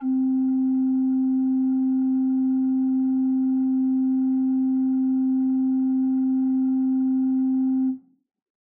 <region> pitch_keycenter=60 lokey=60 hikey=61 ampeg_attack=0.004000 ampeg_release=0.300000 amp_veltrack=0 sample=Aerophones/Edge-blown Aerophones/Renaissance Organ/8'/RenOrgan_8foot_Room_C3_rr1.wav